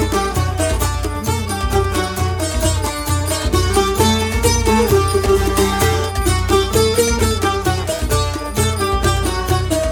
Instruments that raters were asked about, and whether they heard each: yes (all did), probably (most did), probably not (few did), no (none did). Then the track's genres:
mandolin: probably not
banjo: probably
International; Middle East; Turkish